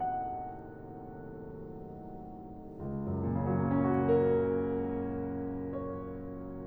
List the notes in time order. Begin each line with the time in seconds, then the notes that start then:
0.00 F#5
3.34 C#2
3.40 F#2
3.48 A#2
3.56 C#3
3.63 F#3
3.72 A#3
3.78 C#4
3.85 F#4
3.92 A#4
5.61 C#5